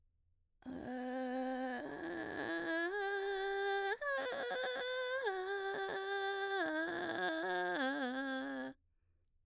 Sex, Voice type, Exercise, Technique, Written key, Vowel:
female, mezzo-soprano, arpeggios, vocal fry, , e